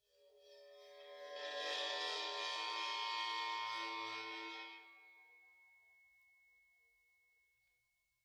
<region> pitch_keycenter=60 lokey=60 hikey=60 volume=15.000000 offset=5998 ampeg_attack=0.004000 ampeg_release=2.000000 sample=Idiophones/Struck Idiophones/Suspended Cymbal 1/susCymb1_bow_13.wav